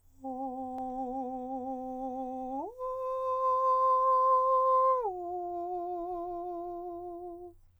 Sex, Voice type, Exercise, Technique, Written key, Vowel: male, countertenor, long tones, full voice pianissimo, , o